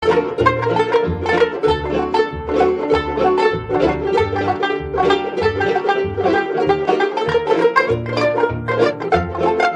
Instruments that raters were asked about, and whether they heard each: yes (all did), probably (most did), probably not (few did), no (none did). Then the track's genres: mandolin: yes
organ: no
ukulele: probably
banjo: yes
Old-Time / Historic